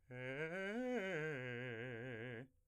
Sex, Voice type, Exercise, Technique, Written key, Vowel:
male, , arpeggios, fast/articulated piano, C major, e